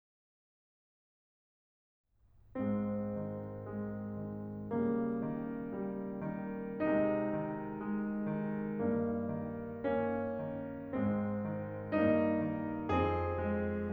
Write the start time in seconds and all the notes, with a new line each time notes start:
2.58 G#2 G#3 C4
3.19 D#3
3.83 G#3
4.27 D#3
4.76 C#3 G3 A#3
5.26 D#3
5.73 G3
6.30 D#3
6.85 C3 G#3 D#4
7.37 D#3
7.75 G#3
8.11 D#3
8.80 G2 A#3
9.30 D#3
9.77 A#3 C#4
10.42 D#3
10.94 G#2 G#3 C4
11.45 D#3
11.92 G2 A#3 D#4
12.56 D#3
12.94 F2 C4 G#4
13.48 D#3